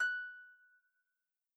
<region> pitch_keycenter=90 lokey=90 hikey=91 volume=13.395851 xfout_lovel=70 xfout_hivel=100 ampeg_attack=0.004000 ampeg_release=30.000000 sample=Chordophones/Composite Chordophones/Folk Harp/Harp_Normal_F#5_v2_RR1.wav